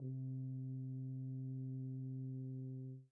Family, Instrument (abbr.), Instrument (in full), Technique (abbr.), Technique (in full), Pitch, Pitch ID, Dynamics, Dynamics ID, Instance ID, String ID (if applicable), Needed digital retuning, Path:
Brass, BTb, Bass Tuba, ord, ordinario, C3, 48, pp, 0, 0, , TRUE, Brass/Bass_Tuba/ordinario/BTb-ord-C3-pp-N-T11d.wav